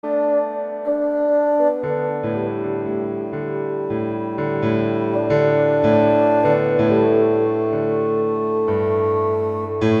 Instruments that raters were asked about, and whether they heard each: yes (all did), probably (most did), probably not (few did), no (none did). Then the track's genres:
clarinet: probably not
trombone: probably not
piano: yes
Experimental; Ambient